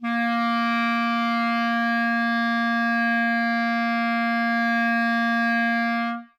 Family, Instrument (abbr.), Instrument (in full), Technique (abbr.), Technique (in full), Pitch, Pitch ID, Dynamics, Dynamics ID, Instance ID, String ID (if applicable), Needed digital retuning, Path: Winds, ClBb, Clarinet in Bb, ord, ordinario, A#3, 58, ff, 4, 0, , TRUE, Winds/Clarinet_Bb/ordinario/ClBb-ord-A#3-ff-N-T13u.wav